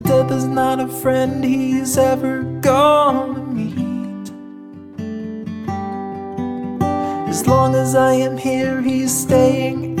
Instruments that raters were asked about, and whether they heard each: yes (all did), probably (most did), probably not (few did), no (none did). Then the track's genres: guitar: yes
trumpet: no
flute: no
Pop; Folk; Singer-Songwriter